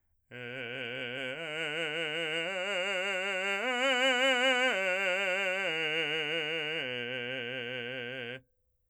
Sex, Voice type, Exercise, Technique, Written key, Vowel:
male, , arpeggios, slow/legato forte, C major, e